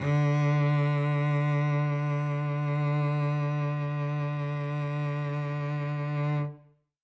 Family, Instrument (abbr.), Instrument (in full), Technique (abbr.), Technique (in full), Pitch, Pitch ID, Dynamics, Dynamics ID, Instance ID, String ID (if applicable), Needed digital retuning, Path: Strings, Vc, Cello, ord, ordinario, D3, 50, ff, 4, 2, 3, FALSE, Strings/Violoncello/ordinario/Vc-ord-D3-ff-3c-N.wav